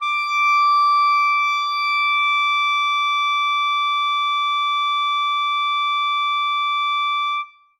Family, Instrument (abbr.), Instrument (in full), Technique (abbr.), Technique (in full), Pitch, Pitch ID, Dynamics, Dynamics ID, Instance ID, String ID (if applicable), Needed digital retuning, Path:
Winds, ClBb, Clarinet in Bb, ord, ordinario, D6, 86, ff, 4, 0, , FALSE, Winds/Clarinet_Bb/ordinario/ClBb-ord-D6-ff-N-N.wav